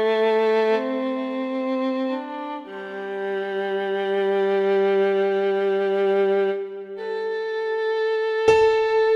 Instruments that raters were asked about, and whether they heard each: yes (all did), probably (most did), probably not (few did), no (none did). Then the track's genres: clarinet: no
mallet percussion: no
saxophone: probably not
violin: yes
drums: no
cello: probably
Ambient